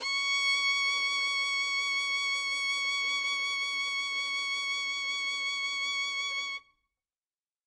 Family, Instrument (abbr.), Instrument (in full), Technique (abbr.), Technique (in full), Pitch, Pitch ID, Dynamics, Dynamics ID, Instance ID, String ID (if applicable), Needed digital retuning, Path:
Strings, Vn, Violin, ord, ordinario, C#6, 85, ff, 4, 1, 2, FALSE, Strings/Violin/ordinario/Vn-ord-C#6-ff-2c-N.wav